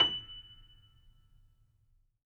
<region> pitch_keycenter=102 lokey=102 hikey=103 volume=-3.415336 lovel=66 hivel=99 locc64=0 hicc64=64 ampeg_attack=0.004000 ampeg_release=10.000000 sample=Chordophones/Zithers/Grand Piano, Steinway B/NoSus/Piano_NoSus_Close_F#7_vl3_rr1.wav